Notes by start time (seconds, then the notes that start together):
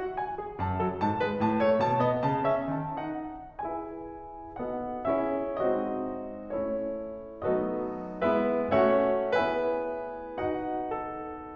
0.00 F#4
0.16 G#5
0.36 G#4
0.57 F#2 A5
0.79 F#3 A4
1.00 G#2 A5
1.22 G#3 B4
1.39 A2 A5
1.63 A3 C#5
1.80 B2 A5
2.01 B3 D#5
2.22 C#3 A5
2.45 C#4 E5
2.75 D#3 A5
3.00 D#4 F#5
3.62 E4 G#4 B4 E5 G#5
4.60 B3 D#4 F#4 A4 D#5 F#5
5.12 C#4 E4 G#4 C#5 E5
5.64 G#3 C4 D#4 F#4 C5 D#5
6.48 A3 C#4 E4 C#5
7.42 F#3 A3 B3 D#4 A4 B4 D#5
8.23 G#3 B3 E4 B4 E5
8.72 A3 C#4 F#4 C#5 E5 F#5
9.33 B3 E4 G#4 B4 E5 G#5
10.43 D#4 F#4 D#5 F#5
10.91 A4